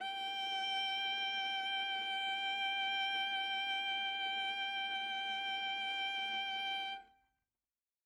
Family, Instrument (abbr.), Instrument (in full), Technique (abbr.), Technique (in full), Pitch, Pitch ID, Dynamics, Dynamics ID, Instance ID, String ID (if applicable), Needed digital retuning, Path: Strings, Va, Viola, ord, ordinario, G5, 79, ff, 4, 2, 3, FALSE, Strings/Viola/ordinario/Va-ord-G5-ff-3c-N.wav